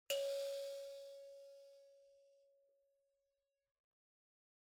<region> pitch_keycenter=73 lokey=73 hikey=74 tune=-3 volume=17.992516 offset=4631 seq_position=1 seq_length=2 ampeg_attack=0.004000 ampeg_release=30.000000 sample=Idiophones/Plucked Idiophones/Mbira dzaVadzimu Nyamaropa, Zimbabwe, Low B/MBira4_pluck_Main_C#4_17_50_100_rr1.wav